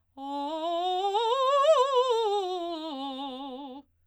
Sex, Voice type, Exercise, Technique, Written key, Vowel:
female, soprano, scales, fast/articulated forte, C major, o